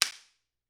<region> pitch_keycenter=60 lokey=60 hikey=60 volume=0.302470 offset=488 seq_position=2 seq_length=3 ampeg_attack=0.004000 ampeg_release=0.300000 sample=Idiophones/Struck Idiophones/Slapstick/slapstick_rr2.wav